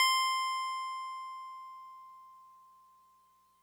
<region> pitch_keycenter=96 lokey=95 hikey=98 volume=11.380627 lovel=66 hivel=99 ampeg_attack=0.004000 ampeg_release=0.100000 sample=Electrophones/TX81Z/FM Piano/FMPiano_C6_vl2.wav